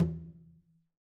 <region> pitch_keycenter=61 lokey=61 hikey=61 volume=17.159202 lovel=100 hivel=127 seq_position=2 seq_length=2 ampeg_attack=0.004000 ampeg_release=15.000000 sample=Membranophones/Struck Membranophones/Conga/Conga_HitN_v3_rr2_Sum.wav